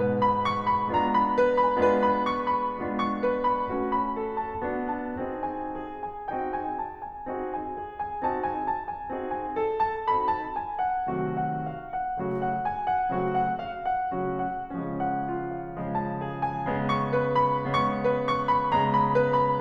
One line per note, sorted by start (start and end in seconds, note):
0.00 0.92 G#2
0.00 0.92 B2
0.00 0.92 G#3
0.00 0.48 B4
0.29 0.64 B5
0.49 0.92 C#6
0.71 1.09 B5
0.93 1.80 G#3
0.93 1.80 B3
0.93 1.80 D4
0.93 1.80 F4
0.93 1.38 A#5
1.14 1.54 B5
1.42 1.79 B4
1.60 2.01 B5
1.82 2.77 G#3
1.82 2.77 B3
1.82 2.77 D4
1.82 2.77 F4
1.82 2.23 B4
2.05 2.40 B5
2.26 2.75 C#6
2.53 2.98 B5
2.79 3.69 G#3
2.79 3.69 B3
2.79 3.69 D4
2.79 3.69 F4
2.98 3.41 C#6
3.23 3.69 B4
3.44 3.70 B5
3.70 4.63 A3
3.70 4.63 C#4
3.70 4.63 F#4
3.98 4.38 B5
4.19 4.61 A4
4.39 4.63 A5
4.64 5.17 B3
4.64 5.17 D4
4.64 5.17 F#4
4.91 5.38 A5
5.19 5.64 C4
5.19 5.64 D#4
5.19 5.64 F#4
5.19 5.64 G#4
5.40 5.67 G#5
5.67 6.30 G#4
6.08 6.44 G#5
6.30 6.79 C4
6.30 6.79 D#4
6.30 6.79 F#4
6.30 6.79 G#4
6.30 6.79 G5
6.49 7.05 G#5
6.80 7.27 A5
7.06 7.51 G#5
7.31 7.73 C4
7.31 7.73 D#4
7.31 7.73 F#4
7.31 7.70 G#4
7.53 8.05 G#5
7.79 8.21 G#4
8.06 8.41 G#5
8.22 8.61 C4
8.22 8.61 D#4
8.22 8.61 F#4
8.22 8.61 G#4
8.22 8.59 A5
8.43 8.88 G#5
8.63 9.08 A5
8.88 9.29 G#5
9.14 9.53 C4
9.14 9.53 D#4
9.14 9.53 F#4
9.14 9.53 G#4
9.32 9.75 G#5
9.56 10.01 A4
9.79 10.24 A5
10.03 10.47 C4
10.03 10.47 D#4
10.03 10.47 F#4
10.03 10.47 A4
10.03 10.44 B5
10.29 10.73 A5
10.48 11.11 G#5
10.76 11.27 F#5
11.12 11.68 C3
11.12 11.68 D#3
11.12 11.68 F#3
11.12 11.68 A3
11.12 11.68 F#4
11.38 11.69 F#5
11.71 12.17 F5
11.96 12.39 F#5
12.20 12.61 C#3
12.20 12.61 F#3
12.20 12.61 A3
12.20 12.57 F#4
12.43 12.88 F#5
12.62 13.11 G#5
12.89 13.31 F#5
13.14 13.54 C#3
13.14 13.54 F#3
13.14 13.54 A3
13.14 13.54 C4
13.14 13.51 F#4
13.32 13.82 F#5
13.57 14.12 F5
13.84 14.36 F#5
14.18 14.74 C#3
14.18 14.74 F#3
14.18 14.74 A3
14.18 14.74 C#4
14.18 14.72 F#4
14.38 15.10 F#5
14.76 15.74 C#3
14.76 15.74 F3
14.76 15.74 G#3
14.76 15.74 C#4
15.12 15.49 F#5
15.29 15.72 F4
15.49 15.95 F5
15.79 16.59 C#3
15.79 16.59 F3
15.79 16.59 G#3
15.99 16.38 A5
16.18 16.58 G#4
16.39 16.78 G#5
16.60 17.51 C#3
16.60 17.51 G#3
16.60 17.51 B3
16.80 17.30 C#6
17.02 17.52 B4
17.32 17.52 C6
17.53 18.51 C#3
17.53 18.51 G#3
17.53 18.51 B3
17.53 17.89 C#6
17.71 18.23 B4
17.91 18.49 C#6
18.24 18.94 B5
18.52 19.60 C#3
18.52 19.60 G#3
18.52 19.60 B3
18.52 19.12 A#5
18.95 19.30 B5
19.13 19.57 B4
19.34 19.60 B5